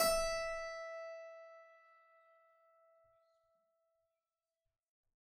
<region> pitch_keycenter=64 lokey=64 hikey=65 volume=1.589474 trigger=attack ampeg_attack=0.004000 ampeg_release=0.40000 amp_veltrack=0 sample=Chordophones/Zithers/Harpsichord, Flemish/Sustains/High/Harpsi_High_Far_E4_rr1.wav